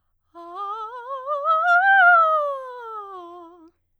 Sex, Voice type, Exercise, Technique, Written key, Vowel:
female, soprano, scales, fast/articulated piano, F major, a